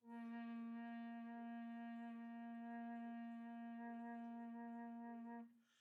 <region> pitch_keycenter=58 lokey=58 hikey=59 tune=-1 volume=22.506099 offset=1058 ampeg_attack=0.004000 ampeg_release=0.300000 sample=Aerophones/Edge-blown Aerophones/Baroque Bass Recorder/Sustain/BassRecorder_Sus_A#2_rr1_Main.wav